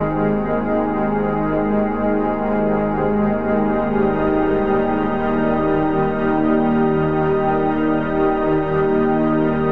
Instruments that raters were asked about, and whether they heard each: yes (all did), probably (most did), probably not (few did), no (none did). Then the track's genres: banjo: no
organ: yes
Soundtrack; Ambient Electronic; Ambient; Minimalism; Instrumental